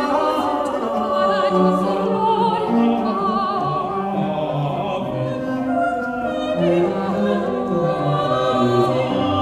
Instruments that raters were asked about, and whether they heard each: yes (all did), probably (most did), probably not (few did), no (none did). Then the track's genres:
voice: yes
Choral Music